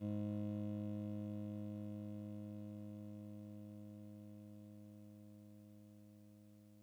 <region> pitch_keycenter=32 lokey=31 hikey=34 tune=-4 volume=26.064213 lovel=0 hivel=65 ampeg_attack=0.004000 ampeg_release=0.100000 sample=Electrophones/TX81Z/Clavisynth/Clavisynth_G#0_vl1.wav